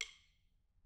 <region> pitch_keycenter=64 lokey=64 hikey=64 volume=10.799342 offset=191 seq_position=2 seq_length=2 ampeg_attack=0.004000 ampeg_release=15.000000 sample=Membranophones/Struck Membranophones/Snare Drum, Modern 1/Snare2_stick_v1_rr2_Mid.wav